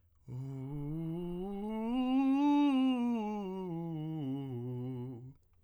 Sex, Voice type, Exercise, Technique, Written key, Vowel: male, tenor, scales, breathy, , u